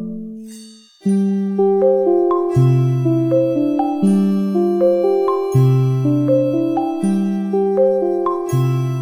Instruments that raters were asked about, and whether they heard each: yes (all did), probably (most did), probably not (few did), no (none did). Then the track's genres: mallet percussion: probably
Electronic; Ambient; Instrumental